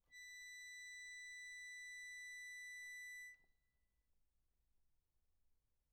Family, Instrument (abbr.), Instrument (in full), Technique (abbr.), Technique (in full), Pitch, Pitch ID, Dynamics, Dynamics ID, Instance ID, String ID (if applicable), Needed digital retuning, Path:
Keyboards, Acc, Accordion, ord, ordinario, B6, 95, p, 1, 0, , FALSE, Keyboards/Accordion/ordinario/Acc-ord-B6-p-N-N.wav